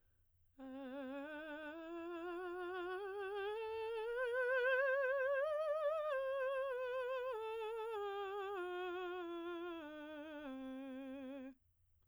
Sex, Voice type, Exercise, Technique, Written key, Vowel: female, soprano, scales, slow/legato piano, C major, e